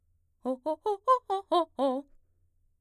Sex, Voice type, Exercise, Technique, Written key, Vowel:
female, mezzo-soprano, arpeggios, fast/articulated forte, C major, o